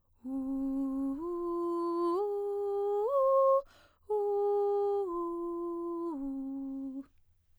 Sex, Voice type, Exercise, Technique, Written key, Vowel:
female, soprano, arpeggios, breathy, , u